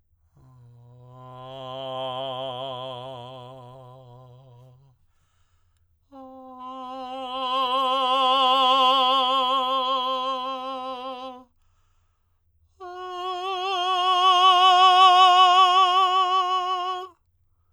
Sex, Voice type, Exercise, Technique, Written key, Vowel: male, tenor, long tones, messa di voce, , a